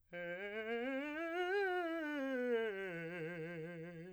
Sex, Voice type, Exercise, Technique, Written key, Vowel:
male, , scales, fast/articulated piano, F major, e